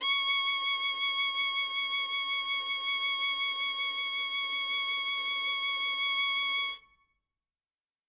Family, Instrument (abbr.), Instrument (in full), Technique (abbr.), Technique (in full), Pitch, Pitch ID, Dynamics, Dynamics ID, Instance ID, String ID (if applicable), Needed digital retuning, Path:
Strings, Vn, Violin, ord, ordinario, C#6, 85, ff, 4, 0, 1, FALSE, Strings/Violin/ordinario/Vn-ord-C#6-ff-1c-N.wav